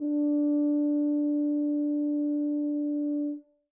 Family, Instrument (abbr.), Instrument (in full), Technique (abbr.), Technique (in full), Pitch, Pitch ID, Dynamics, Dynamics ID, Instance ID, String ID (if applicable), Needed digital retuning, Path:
Brass, BTb, Bass Tuba, ord, ordinario, D4, 62, mf, 2, 0, , FALSE, Brass/Bass_Tuba/ordinario/BTb-ord-D4-mf-N-N.wav